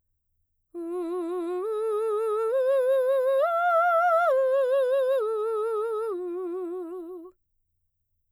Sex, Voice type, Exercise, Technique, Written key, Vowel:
female, mezzo-soprano, arpeggios, slow/legato piano, F major, u